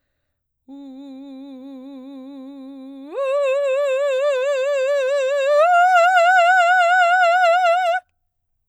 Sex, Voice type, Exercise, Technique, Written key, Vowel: female, soprano, long tones, full voice forte, , u